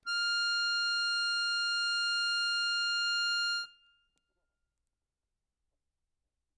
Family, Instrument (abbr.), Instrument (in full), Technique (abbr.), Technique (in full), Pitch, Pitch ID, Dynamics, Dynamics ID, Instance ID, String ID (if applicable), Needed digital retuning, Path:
Keyboards, Acc, Accordion, ord, ordinario, F6, 89, ff, 4, 0, , FALSE, Keyboards/Accordion/ordinario/Acc-ord-F6-ff-N-N.wav